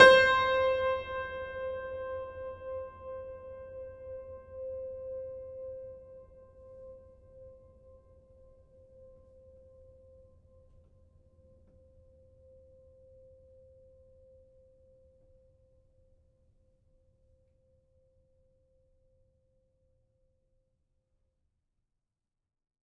<region> pitch_keycenter=72 lokey=72 hikey=73 volume=0.770358 lovel=100 hivel=127 locc64=65 hicc64=127 ampeg_attack=0.004000 ampeg_release=0.400000 sample=Chordophones/Zithers/Grand Piano, Steinway B/Sus/Piano_Sus_Close_C5_vl4_rr1.wav